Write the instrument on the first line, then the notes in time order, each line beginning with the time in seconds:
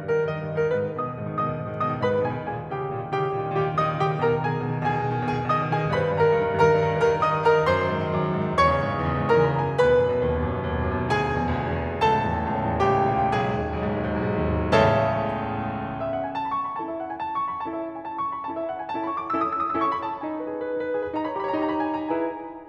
piano
0.00 G2 A#4
0.08 D#3
0.20 G2 D#5
0.30 D#3
0.45 G2
0.57 D#3 A#4
0.70 G#2 B4
0.84 D#3
0.95 B2 D#5 D#6
1.04 D#3
1.16 G#2
1.28 D#3
1.39 B2 D#5 D#6
1.49 D#3
1.58 G#2
1.75 D#3
1.85 B2 D#5 D#6
1.93 D#3
2.03 G#2 B4 B5
2.12 D#3
2.24 B2 G#4 G#5
2.39 D#3
2.50 A#2 G#4 G#5
2.61 D#3
2.73 C#3 G4 G5
2.81 D#3
2.93 A#2
3.04 D#3
3.13 C#3 G4 G5
3.27 D#3
3.39 A#2
3.48 D#3
3.58 C#3 G4 G5
3.69 D#3
3.77 A#2 D#5 D#6
3.87 D#3
3.98 C#3 G4 G5
4.09 D#3
4.19 B2 A#4 A#5
4.28 D#3
4.37 B2 G#4 G#5
4.50 D#3
4.60 B2
4.74 D#3
4.84 B2 G#4 G#5
4.96 D#3
5.05 B2
5.15 D#3
5.26 B2 G#4 G#5
5.36 D#3
5.46 B2 D#5 D#6
5.57 D#3
5.67 B2 G#4 G#5
5.79 D#3
5.89 G2 B4 B5
6.01 D#3
6.11 G2 A#4 A#5
6.22 D#3
6.30 G2
6.41 D#3
6.51 G2 A#4 A#5
6.63 D#3
6.77 G2
6.87 D#3
6.97 G2 A#4 A#5
7.07 D#3
7.20 G2 D#5 D#6
7.31 D#3
7.43 G2 A#4 A#5
7.51 D#3
7.65 F#2 C5 C6
7.74 D#3
7.84 G#2
8.00 D#3
8.08 F#2
8.17 D#3
8.30 G#2
8.44 D#3
8.57 E2 C#5 C#6
8.67 C#3
8.73 G#2
8.80 C#3
8.89 E2
9.00 C#3
9.08 G#2
9.18 C#3
9.31 E2 A#4 B5
9.38 A#5
9.44 C#3 B5
9.54 F#2 A#5
9.61 C#3 G#5
9.68 A#5
9.76 D#2 B4 B5
9.86 B2
9.98 F#2
10.08 B2
10.19 D#2
10.36 B2
10.48 F#2
10.60 B2
10.72 D#2
10.81 B2
10.90 F#2
11.04 B2
11.13 D2 G#4 G#5
11.25 B2
11.35 E2
11.45 B2
11.54 D2
11.63 B2
11.74 E2
11.85 B2
11.98 C#2 A4 A5
12.07 A2
12.17 E2
12.26 A2
12.34 C#2
12.41 A2
12.52 E2
12.67 A2
12.83 C#2 G4 G#5
12.93 G5
12.98 A#2 G#5
13.13 D#2 G5
13.21 A#2 F5
13.28 G5
13.36 B1 G#4 G#5
13.46 G#2
13.56 D#2
13.65 G#2
13.77 B1
13.86 G#2
13.94 D#2
14.04 G#2
14.13 B1
14.30 G#2
14.44 D#2
14.56 G#2
14.77 C#2 E2 A2 C#3 A4 C#5 E5 A5
16.02 E5
16.11 F#5
16.28 G#5
16.37 A5
16.47 B5
16.59 C#6
16.70 B5
16.82 C#4 E4 A4 A5
16.92 E5
17.01 F#5
17.12 G#5
17.23 A5
17.35 B5
17.46 C#6
17.54 B5
17.64 C#4 E4 A4 A5
17.73 E5
17.83 F#5
17.93 G#5
18.05 A5
18.19 B5
18.29 C#6
18.40 B5
18.49 C#4 E4 A4 A5
18.59 E5
18.67 F#5
18.76 G#5
18.84 C#4 E4 A4 A5
18.94 B5
19.03 C#6
19.11 D6
19.21 C#4 E4 A4 E6
19.31 D#6
19.42 E6
19.60 D#6
19.74 C#4 E4 A4 E6
19.84 C#6
19.96 B5
20.05 A5
20.26 D#4 G#5
20.39 B4
20.53 G#4
20.63 B4
20.75 D#4
20.89 B4
20.98 G#4
21.07 B4
21.16 D#4 B5
21.22 C#5 A#5
21.29 B5
21.36 G4 A#5
21.43 C#5 B5
21.49 A#5
21.57 D#4 B5
21.65 A#5
21.72 C#5 B5
21.84 G4 A#5
21.90 G#5
21.94 C#5
21.99 A#5
22.07 E4 G#4 B4 G#5